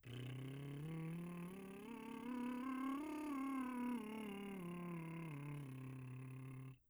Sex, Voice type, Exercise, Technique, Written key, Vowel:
male, , scales, lip trill, , u